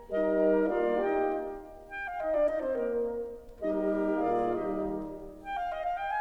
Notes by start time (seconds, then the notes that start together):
0.13 G3 D#4 A#4 D#5
0.68 A#3 F4 D5 F5
1.01 D#4 G4 A#4 D#5 G5
1.89 G5
2.08 F5
2.21 D#4 D#5
2.33 D4 D5
2.47 D#4 D#5
2.60 C4 C5
2.73 A#3 A#4
3.64 G3 A#3 D#4 G4 A#4 D#5
4.21 A#2 A#3 F4 G#4 D5 F5
4.57 D#3 G3 D#4 G4 D#5
5.44 G5
5.58 F5
5.69 D#5
5.83 F5
5.93 G5